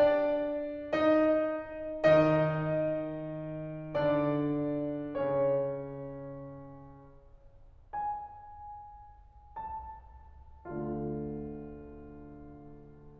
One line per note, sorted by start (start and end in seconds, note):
0.00 1.00 D4
0.00 1.00 D5
1.01 2.03 D#4
1.01 2.03 D#5
2.05 3.94 D#3
2.05 3.94 D#4
2.05 3.94 D#5
3.95 5.07 D3
3.95 5.07 D4
3.95 5.07 D5
5.10 6.98 C#3
5.10 6.98 C#4
5.10 6.98 C#5
7.94 9.57 G#5
9.58 10.65 A5
10.66 13.19 D2
10.66 13.19 D3
10.66 13.19 A3
10.66 13.19 D4
10.66 13.19 F4